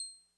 <region> pitch_keycenter=96 lokey=95 hikey=97 tune=-1 volume=14.224993 lovel=66 hivel=99 ampeg_attack=0.004000 ampeg_release=0.100000 sample=Electrophones/TX81Z/Clavisynth/Clavisynth_C6_vl2.wav